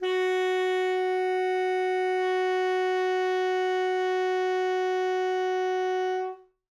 <region> pitch_keycenter=66 lokey=66 hikey=67 volume=14.905050 lovel=84 hivel=127 ampeg_attack=0.004000 ampeg_release=0.500000 sample=Aerophones/Reed Aerophones/Tenor Saxophone/Non-Vibrato/Tenor_NV_Main_F#3_vl3_rr1.wav